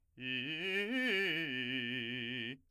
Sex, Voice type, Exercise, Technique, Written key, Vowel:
male, , arpeggios, fast/articulated forte, C major, i